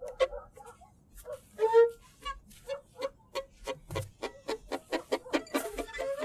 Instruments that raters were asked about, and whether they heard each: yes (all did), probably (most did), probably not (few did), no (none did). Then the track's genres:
clarinet: no
flute: probably not
Avant-Garde; Lo-Fi; Noise; Experimental; Musique Concrete; Improv; Sound Art; Instrumental